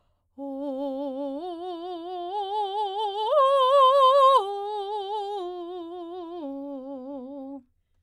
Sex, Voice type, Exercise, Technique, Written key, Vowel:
female, soprano, arpeggios, slow/legato forte, C major, o